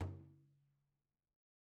<region> pitch_keycenter=62 lokey=62 hikey=62 volume=29.227229 lovel=0 hivel=83 seq_position=1 seq_length=2 ampeg_attack=0.004000 ampeg_release=15.000000 sample=Membranophones/Struck Membranophones/Frame Drum/HDrumL_HitMuted_v2_rr1_Sum.wav